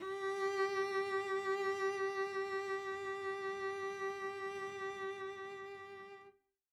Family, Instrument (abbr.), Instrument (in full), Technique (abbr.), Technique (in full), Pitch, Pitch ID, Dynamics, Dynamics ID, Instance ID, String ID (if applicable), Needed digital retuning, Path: Strings, Vc, Cello, ord, ordinario, G4, 67, mf, 2, 1, 2, FALSE, Strings/Violoncello/ordinario/Vc-ord-G4-mf-2c-N.wav